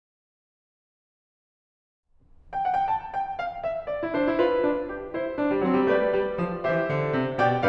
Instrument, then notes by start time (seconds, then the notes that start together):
piano
2.07 G5
2.54 F#5
2.74 G5
2.89 A5
3.13 G5
3.42 F5
3.68 E5
3.91 D5
4.03 E4
4.11 D4 C5
4.23 E4
4.34 F4 B4
4.62 D4
4.85 G4
5.08 E4 C5
5.37 D4
5.54 G3
5.63 F#3 C4
5.77 G3
5.86 A3 G4 B4 D5
6.08 G3
6.35 F3
6.58 E3 G4 C5 E5
6.90 D3
7.14 C3
7.41 B2 G4 D5 G5